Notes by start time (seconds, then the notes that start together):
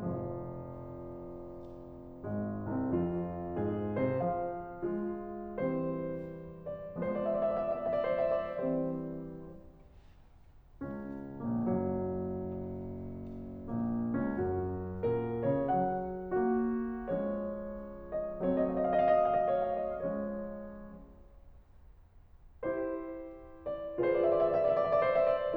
0.00 F1 F3
2.29 G#1 G#3
2.81 C2 C4
2.90 F2 F4
3.55 G#2 G#4
3.99 C3 C5
4.14 F3 F5
4.85 G#3 F4
5.57 E3 G3 C4 C5
6.75 D5
7.00 F3 G#3 B3 C5
7.11 D5
7.22 E5
7.30 D5
7.37 E5
7.43 D5
7.52 E5
7.58 D5
7.66 E5
7.72 D5
7.77 E5
7.83 D5
7.89 E5
7.95 D5
8.02 E5
8.08 D5
8.14 E5
8.21 D5
8.25 C5
8.39 E5
8.53 D5
8.64 E3 G3 C4 C5
10.83 C#2 C#4
11.40 A#1 A#3
11.52 F#1 F#3
13.69 A#1 A#3
14.26 C#2 C#4
14.36 F#2 F#4
15.05 A#2 A#4
15.59 C#3 C#5
15.69 F#3 F#5
16.31 A#3 F#4
17.10 F3 G#3 C#4 C#5
18.22 D#5
18.46 F#3 A3 C4 C#5
18.52 D#5
18.65 F5
18.70 D#5
18.76 F5
18.82 D#5
18.89 F5
18.95 D#5
19.02 F5
19.10 D#5
19.14 F5
19.20 D#5
19.25 D#5 F5
19.31 F5
19.38 D#5
19.42 F5
19.48 D#5
19.55 C#5
19.69 F5
19.83 D#5
19.98 F3 G#3 C#4 C#5
22.65 E4 G4 C5
23.79 D5
24.03 F4 G#4 B4 C5
24.10 D5
24.17 E5
24.24 D5
24.30 E5
24.36 D5
24.42 E5
24.46 D5
24.53 E5
24.64 D5
24.71 E5
24.78 D5
24.83 E5
24.89 D5
24.94 E5
24.98 D5
25.04 E5
25.09 D5
25.15 C5
25.26 E5
25.45 D5